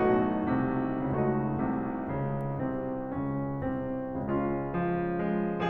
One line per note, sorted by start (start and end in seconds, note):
0.01 0.48 B1
0.01 0.48 B2
0.01 0.99 A3
0.01 0.99 D#4
0.01 0.99 F#4
0.51 0.99 C2
0.51 0.99 C3
1.01 1.51 C#2
1.01 1.51 C#3
1.01 4.23 A3
1.01 2.04 D#4
1.01 4.23 F#4
1.56 2.04 C2
1.56 2.04 C3
2.07 2.61 C#2
2.07 2.61 C#3
2.64 3.11 C2
2.64 3.11 C3
2.64 3.11 C4
3.13 3.67 C#2
3.13 3.67 C#3
3.13 3.67 C#4
3.69 4.23 C2
3.69 4.23 C3
3.69 4.23 C4
4.26 4.73 C#2
4.26 4.73 C#3
4.26 5.69 G#3
4.26 5.69 C#4
4.26 5.69 F4
4.74 5.20 F3
5.21 5.69 G#3